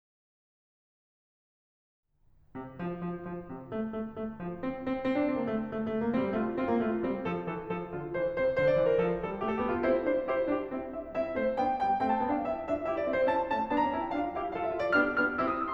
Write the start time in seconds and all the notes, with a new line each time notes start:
2.55 C3
2.83 F3
3.01 F3
3.20 F3
3.46 C3
3.70 A3
3.88 A3
4.11 A3
4.47 F3
4.65 C4
4.92 C4
5.12 C4
5.20 D4
5.30 C4
5.43 A#3
5.53 A3
5.71 A3
5.92 A3
6.00 A#3
6.12 A3 C4
6.25 G3
6.37 A3 F4
6.58 C4 F4
6.73 A#3
6.83 A3 F4
6.99 G3 C4
7.17 F3 A4
7.41 E3 A4
7.70 F3 A4
7.92 D3 F4
8.09 E3 C5
8.30 C3 C5
8.54 D3 C5
8.67 D5
8.76 E3 C5
8.90 A#4
9.00 F3 A4
9.17 G3 A4
9.35 A3 G4
9.45 A4
9.58 A#3 G4
9.68 F4
9.81 C4 E4 C5
10.03 D4 F4 C5
10.26 E4 G4 C5
10.51 D4 F4 G4
10.72 C4 E4 E5
10.91 B3 D4 E5
11.12 C4 E4 E5
11.34 A3 C4 C5
11.54 B3 D4 G5
11.76 G3 B3 G5
11.95 A3 C4 G5
12.07 A5
12.18 B3 D4 G5
12.33 F5
12.41 C4 E4 E5
12.62 D4 F4 E5
12.85 E4 G4 E5
12.97 D5
13.06 C4 E4 E5
13.14 C5
13.25 C#4 E4 A5
13.44 A3 C#4 A5
13.64 B3 D4 A5
13.76 A#5
13.88 C#4 E4 A5
13.98 G5
14.06 D4 F4 F5
14.35 E4 G4 F5
14.55 F4 A4 F5
14.65 E5
14.74 D4 F4 F5
14.85 D5
14.93 B3 D4 G4 F6
15.13 B3 D4 G4 F6
15.34 C4 E4 G4 E6
15.43 D#6
15.52 E6
15.64 C6